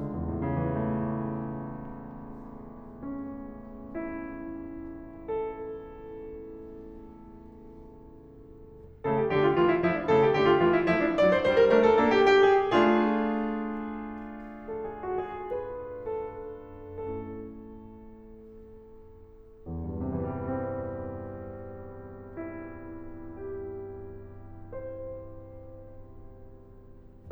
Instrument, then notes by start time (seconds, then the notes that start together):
piano
0.00 C#2
0.09 E2
0.17 A2
0.23 C#3
0.29 E3
0.36 A3
2.89 C#4
3.97 E4
5.34 A4
9.07 C#3 A3 A4
9.24 G4
9.39 D3 A3 G4
9.53 F4
9.66 E3 A3 F4
9.76 E4
9.88 F3 A3 E4
10.01 D4
10.11 C#3 A3 A4
10.22 G4
10.36 D3 A3 G4
10.47 F4
10.61 E3 A3 F4
10.75 E4
10.89 F3 A3 E4
11.02 D4
11.17 F#3 D4 D5
11.30 C5
11.42 G3 D4 C5
11.60 A#4
11.69 A3 D4 A#4
11.81 A4
11.97 A#3 D4 A4
12.16 G4
12.36 A#3 D4 G4
12.55 G#4
12.72 A3 D4 F4 G#4
14.65 A4
14.87 G#4
15.09 F#4
15.34 G#4
15.52 B4
16.07 A4
16.58 A3 C#4 E4 A4
19.70 E2
19.85 G2
19.98 C3
20.09 E3
20.17 G3
20.22 C4
22.12 E4
23.24 G4
24.23 C5